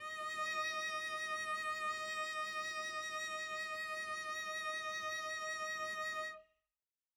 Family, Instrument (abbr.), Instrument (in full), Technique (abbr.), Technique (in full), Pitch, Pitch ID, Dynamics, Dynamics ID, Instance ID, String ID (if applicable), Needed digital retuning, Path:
Strings, Vc, Cello, ord, ordinario, D#5, 75, mf, 2, 0, 1, FALSE, Strings/Violoncello/ordinario/Vc-ord-D#5-mf-1c-N.wav